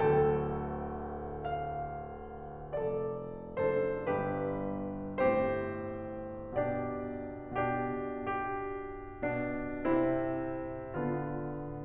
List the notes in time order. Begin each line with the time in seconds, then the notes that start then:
0.01 D1 D2 A4 G5
1.43 F5
2.77 F1 F2 A4 D5
3.59 F#1 F#2 D4 A4 C5
4.08 G1 G2 D4 G4 B4
5.23 A2 C4 G4 C5
6.61 B2 D4 G4 D5
7.84 B2 D4 G4
8.42 G4
9.35 B2 D4
9.87 C3 C4 E4
10.92 D3 B3 F4